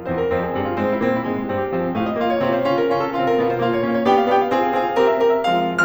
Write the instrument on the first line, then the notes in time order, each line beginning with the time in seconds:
piano
0.01 E2 E3 C4 C5
0.20 A#4
0.34 F2 F3 C4 C5
0.45 G#4
0.54 G2 G3 C4 C5
0.62 G4
0.75 G#2 G#3 C4 C5
0.92 F4
1.03 A#2 A#3 C4 C5
1.16 E4
1.26 G#2 G#3 C4 C5
1.39 F4
1.50 G2 G3 C4 C5
1.65 G4
1.79 F2 F3 C4 C5
1.89 G#4
2.01 A2 A3 F4
2.12 D#5
2.22 A#2 A#3 F4 F5
2.33 C#5
2.42 C3 C4 F4 F5
2.54 C5
2.66 C#3 C#4 F4 F5
2.77 A#4
2.92 D#3 D#4 F4 F5
3.04 A4
3.13 C#3 C#4 F4 F5
3.23 A#4
3.40 C3 C4 F4 F5
3.49 C5
3.56 D3 A#3 F4 F5
3.71 C#5
3.80 A#3 C#4 F4 F5
3.93 C#5
4.07 B3 D4 G4 G5
4.16 F5
4.26 B3 D4 G4 G5
4.35 F5
4.46 C4 F4 G#4 G#5
4.57 F5
4.75 C4 F4 G#4 G#5
4.87 F5
4.96 C4 G4 A#4 A#5
5.06 E5
5.18 C4 G4 A#4 A#5
5.33 E5
5.45 F3 G#3 C4 F4 F5